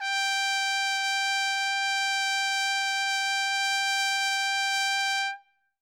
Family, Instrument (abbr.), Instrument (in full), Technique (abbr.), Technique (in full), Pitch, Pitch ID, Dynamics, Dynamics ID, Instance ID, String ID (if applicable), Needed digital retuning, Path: Brass, TpC, Trumpet in C, ord, ordinario, G5, 79, ff, 4, 0, , FALSE, Brass/Trumpet_C/ordinario/TpC-ord-G5-ff-N-N.wav